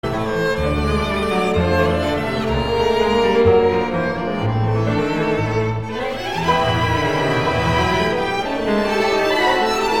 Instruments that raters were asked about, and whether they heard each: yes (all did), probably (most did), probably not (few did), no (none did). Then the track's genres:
cello: probably
guitar: no
cymbals: no
violin: yes
Classical; Chamber Music